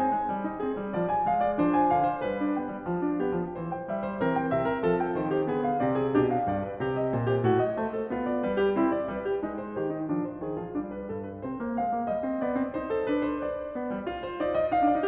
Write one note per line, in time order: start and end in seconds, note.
0.00 0.17 C4
0.00 0.33 G#5
0.17 0.33 G#3
0.33 0.45 G3
0.45 0.59 D#4
0.59 0.74 C4
0.59 0.93 G#4
0.74 0.92 G3
0.92 1.27 F3
0.92 1.09 D5
1.09 1.28 G#5
1.27 1.58 G#3
1.27 1.43 F5
1.43 1.58 D5
1.58 1.89 F3
1.58 2.35 D4
1.58 1.71 C5
1.71 1.90 G#5
1.89 2.19 D3
1.89 2.05 F5
2.05 2.21 C5
2.19 2.53 G3
2.19 2.54 B4
2.38 2.53 D4
2.53 2.68 B3
2.53 2.87 G5
2.68 2.86 G3
2.86 3.03 F3
3.03 3.19 D4
3.19 3.34 B3
3.19 3.61 G4
3.34 3.60 F3
3.60 3.88 E3
3.60 3.70 C5
3.70 3.89 G5
3.88 4.17 G3
3.88 4.03 E5
4.03 4.18 C5
4.17 4.52 E3
4.17 5.51 C4
4.17 4.33 A#4
4.33 4.53 G5
4.52 4.82 C3
4.52 4.64 E5
4.64 4.83 A#4
4.82 5.13 F3
4.82 4.98 A4
4.98 5.14 G5
5.13 5.49 D#3
5.13 5.33 C5
5.33 5.50 G4
5.49 5.82 D3
5.49 5.82 B3
5.49 5.67 G#4
5.67 5.83 F5
5.82 6.13 C3
5.82 6.13 C4
5.82 5.96 D5
5.96 6.14 G#4
6.13 6.47 B2
6.13 6.47 D4
6.13 6.29 G4
6.29 6.48 F5
6.47 6.83 G2
6.47 6.64 D5
6.64 6.84 B4
6.83 7.15 C3
6.83 6.95 G4
6.95 7.16 D#5
7.15 7.45 A#2
7.15 7.30 C5
7.30 7.45 G4
7.45 7.77 A2
7.45 7.59 F#4
7.59 7.78 D#5
7.77 8.10 A3
7.77 7.98 C5
7.98 8.12 A4
8.10 8.45 B3
8.10 8.28 F4
8.28 8.46 D5
8.45 8.78 G3
8.45 8.64 B4
8.64 8.79 F4
8.78 9.13 C4
8.78 8.94 E4
8.94 9.14 D5
9.13 9.44 G3
9.13 9.25 B4
9.25 9.45 G4
9.44 9.81 G#3
9.44 9.66 D#4
9.66 9.82 C5
9.81 10.05 D#3
9.81 9.96 G4
9.96 10.05 D#4
10.05 10.43 F3
10.05 10.24 D4
10.24 10.43 C5
10.43 10.59 D#3
10.43 10.59 G#4
10.59 10.73 F3
10.59 10.74 F4
10.73 11.10 G3
10.73 10.91 D4
10.91 11.11 B4
11.10 11.41 G2
11.10 11.27 A4
11.27 11.42 B4
11.41 11.73 C3
11.41 11.56 C4
11.41 11.74 C5
11.56 11.73 A#3
11.73 11.92 G#3
11.73 12.10 F5
11.92 12.09 A#3
12.09 12.27 G3
12.09 12.42 D#5
12.27 12.41 C4
12.41 12.54 B3
12.41 12.72 D5
12.54 12.72 C4
12.72 13.07 D#4
12.72 12.92 C5
12.92 13.08 A4
13.07 13.41 D4
13.07 13.24 B4
13.24 13.42 C5
13.42 14.25 D5
13.76 13.97 B3
13.97 14.05 G3
14.05 14.38 F4
14.25 14.40 C5
14.38 14.73 D#4
14.38 14.56 D5
14.56 14.76 D#5
14.74 14.81 D#4
14.74 14.91 F5
14.81 14.86 D4
14.86 14.98 D4
14.86 14.91 D#4
14.91 15.07 D5
14.97 15.03 D#4
15.03 15.07 D4